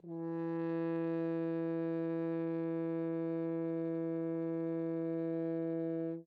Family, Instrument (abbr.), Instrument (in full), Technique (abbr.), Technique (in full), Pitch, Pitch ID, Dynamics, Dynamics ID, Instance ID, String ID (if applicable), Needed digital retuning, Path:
Brass, Hn, French Horn, ord, ordinario, E3, 52, mf, 2, 0, , FALSE, Brass/Horn/ordinario/Hn-ord-E3-mf-N-N.wav